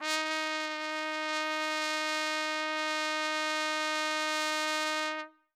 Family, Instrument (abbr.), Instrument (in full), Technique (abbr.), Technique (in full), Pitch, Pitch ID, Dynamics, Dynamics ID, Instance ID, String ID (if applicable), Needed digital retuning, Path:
Brass, TpC, Trumpet in C, ord, ordinario, D#4, 63, ff, 4, 0, , FALSE, Brass/Trumpet_C/ordinario/TpC-ord-D#4-ff-N-N.wav